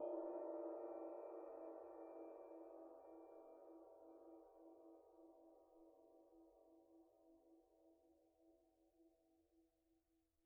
<region> pitch_keycenter=68 lokey=68 hikey=68 volume=33.583718 lovel=0 hivel=54 ampeg_attack=0.004000 ampeg_release=30 sample=Idiophones/Struck Idiophones/Suspended Cymbal 1/susCymb1_hit_pp1.wav